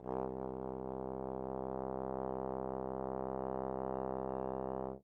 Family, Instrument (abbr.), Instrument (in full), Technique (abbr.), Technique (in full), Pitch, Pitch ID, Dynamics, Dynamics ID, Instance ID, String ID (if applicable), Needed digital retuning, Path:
Brass, Tbn, Trombone, ord, ordinario, C2, 36, mf, 2, 0, , TRUE, Brass/Trombone/ordinario/Tbn-ord-C2-mf-N-T44d.wav